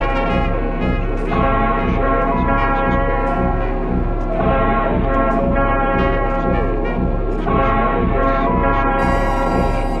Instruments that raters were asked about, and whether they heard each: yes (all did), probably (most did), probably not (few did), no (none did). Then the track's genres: trumpet: yes
trombone: probably
Experimental; Sound Collage; Trip-Hop